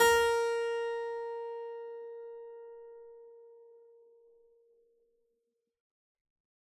<region> pitch_keycenter=70 lokey=70 hikey=70 volume=0 trigger=attack ampeg_attack=0.004000 ampeg_release=0.400000 amp_veltrack=0 sample=Chordophones/Zithers/Harpsichord, Unk/Sustains/Harpsi4_Sus_Main_A#3_rr1.wav